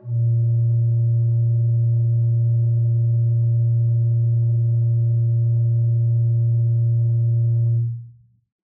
<region> pitch_keycenter=46 lokey=46 hikey=47 tune=1 ampeg_attack=0.004000 ampeg_release=0.300000 amp_veltrack=0 sample=Aerophones/Edge-blown Aerophones/Renaissance Organ/8'/RenOrgan_8foot_Room_A#1_rr1.wav